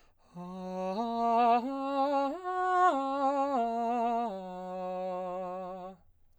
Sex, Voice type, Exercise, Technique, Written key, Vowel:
male, baritone, arpeggios, slow/legato piano, F major, a